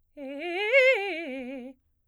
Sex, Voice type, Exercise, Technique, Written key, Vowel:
female, soprano, arpeggios, fast/articulated piano, C major, e